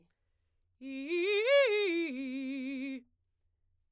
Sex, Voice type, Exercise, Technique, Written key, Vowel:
female, soprano, arpeggios, fast/articulated forte, C major, i